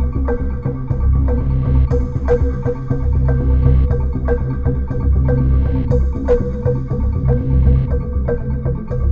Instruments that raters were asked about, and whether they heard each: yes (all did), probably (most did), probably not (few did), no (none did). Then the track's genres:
organ: no
Soundtrack; Ambient Electronic; Instrumental